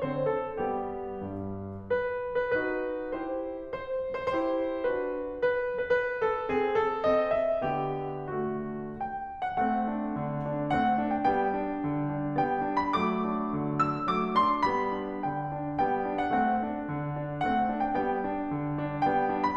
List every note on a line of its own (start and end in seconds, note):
0.00 0.63 D3
0.00 0.63 C4
0.00 0.34 C5
0.35 0.63 A4
0.63 1.25 G3
0.63 1.25 B3
0.63 1.25 G4
1.25 1.92 G2
1.92 2.47 B4
2.48 2.62 B4
2.64 3.20 D#4
2.64 3.20 F#4
2.64 3.20 B4
3.22 3.52 E4
3.22 3.52 G4
3.22 3.52 C5
3.76 4.23 C5
4.23 4.34 C5
4.37 4.86 E4
4.37 4.86 G4
4.37 4.86 C5
4.88 5.14 D4
4.88 5.14 F#4
4.88 5.14 B4
5.45 5.90 B4
5.90 6.03 B4
6.03 6.26 B4
6.26 6.51 A4
6.51 7.02 C4
6.51 6.71 G#4
6.72 7.02 A4
7.02 7.67 C4
7.02 7.35 D#5
7.36 7.67 E5
7.67 8.59 D3
7.67 8.34 B3
7.67 8.34 G4
8.34 8.59 A3
8.34 8.59 F#4
8.93 9.22 G3
8.93 9.22 B3
8.93 9.37 G5
9.23 9.60 D4
9.37 9.60 F#5
9.60 9.89 A3
9.60 9.89 C4
9.60 10.75 F#5
9.90 10.19 D4
10.19 10.47 D3
10.48 10.75 D4
10.75 10.99 A3
10.75 10.99 C4
10.75 11.13 F#5
11.01 11.32 D4
11.15 11.32 G5
11.32 11.67 G3
11.32 11.67 B3
11.32 12.39 G5
11.68 11.95 D4
11.95 12.13 D3
12.14 12.39 D4
12.39 12.68 G3
12.39 12.68 B3
12.39 12.78 G5
12.68 13.00 D4
12.82 13.00 B5
13.00 13.33 F#3
13.00 13.33 A3
13.00 13.87 D6
13.33 13.57 D4
13.58 13.87 D3
13.87 14.09 D4
13.87 14.09 E6
14.12 14.37 F#3
14.12 14.37 A3
14.12 14.37 D6
14.37 14.66 D4
14.37 14.66 C6
14.68 14.99 G3
14.68 14.99 B3
14.68 15.31 B5
14.99 15.31 D4
15.33 15.57 D3
15.33 15.57 G5
15.57 15.78 D4
15.79 16.07 G3
15.79 16.07 B3
15.79 16.17 G5
16.07 16.30 D4
16.17 16.30 F#5
16.31 16.65 A3
16.31 16.65 C4
16.31 17.45 F#5
16.65 16.87 D4
16.87 17.15 D3
17.15 17.45 D4
17.45 17.69 A3
17.45 17.69 C4
17.45 17.81 F#5
17.71 17.97 D4
17.81 17.97 G5
17.97 18.27 G3
17.97 18.27 B3
17.97 19.04 G5
18.31 18.54 D4
18.54 18.77 D3
18.78 19.04 D4
19.04 19.30 G3
19.04 19.30 B3
19.04 19.42 G5
19.31 19.57 D4
19.44 19.57 B5